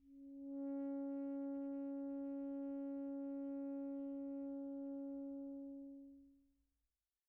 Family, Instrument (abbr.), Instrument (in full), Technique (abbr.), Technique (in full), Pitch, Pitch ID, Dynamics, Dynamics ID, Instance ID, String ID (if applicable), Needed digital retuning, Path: Winds, ASax, Alto Saxophone, ord, ordinario, C#4, 61, pp, 0, 0, , FALSE, Winds/Sax_Alto/ordinario/ASax-ord-C#4-pp-N-N.wav